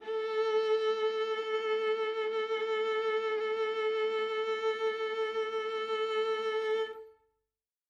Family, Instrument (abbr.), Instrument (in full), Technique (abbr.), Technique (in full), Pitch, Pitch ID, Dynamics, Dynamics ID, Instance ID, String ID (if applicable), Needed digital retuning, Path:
Strings, Va, Viola, ord, ordinario, A4, 69, ff, 4, 3, 4, FALSE, Strings/Viola/ordinario/Va-ord-A4-ff-4c-N.wav